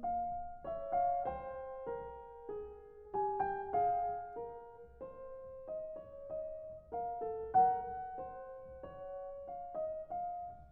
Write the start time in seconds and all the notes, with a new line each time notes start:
0.00 F5
0.67 C#5 E5
0.96 F5
1.25 C5 G5
1.90 A#4
2.48 G#4
3.18 G4 G#5
3.49 G5
3.76 G#4 F5
4.38 A#4
5.02 C5
5.69 D#5
6.01 C#5
6.33 D#5
6.98 A#4 F5
7.22 A4
7.55 A#4 F#5
8.17 C5
8.78 C#5
9.50 F5
9.79 D#5
10.11 F5